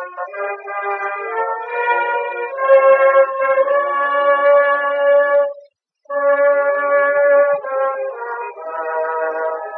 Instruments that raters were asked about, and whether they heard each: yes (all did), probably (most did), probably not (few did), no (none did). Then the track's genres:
trombone: probably
trumpet: yes
flute: no
guitar: no
Classical; Old-Time / Historic